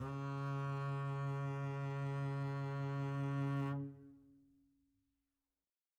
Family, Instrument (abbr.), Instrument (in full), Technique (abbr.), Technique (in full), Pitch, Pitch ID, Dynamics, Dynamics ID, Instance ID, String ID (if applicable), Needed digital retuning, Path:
Strings, Cb, Contrabass, ord, ordinario, C#3, 49, mf, 2, 1, 2, TRUE, Strings/Contrabass/ordinario/Cb-ord-C#3-mf-2c-T17u.wav